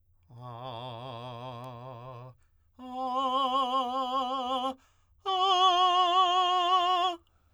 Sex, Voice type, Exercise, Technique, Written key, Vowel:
male, tenor, long tones, full voice pianissimo, , a